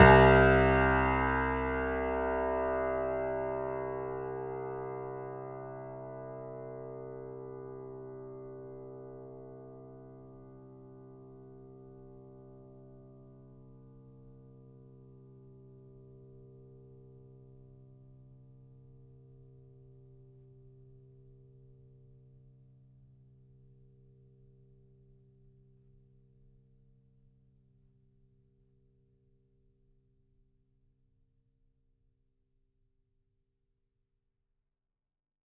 <region> pitch_keycenter=36 lokey=36 hikey=37 volume=1.258022 lovel=100 hivel=127 locc64=0 hicc64=64 ampeg_attack=0.004000 ampeg_release=0.400000 sample=Chordophones/Zithers/Grand Piano, Steinway B/NoSus/Piano_NoSus_Close_C2_vl4_rr1.wav